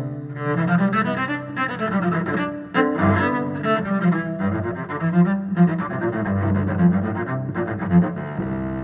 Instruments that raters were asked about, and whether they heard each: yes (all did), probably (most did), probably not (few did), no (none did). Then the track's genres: bass: probably
cello: yes
ukulele: no
voice: no
clarinet: no
mallet percussion: no
Classical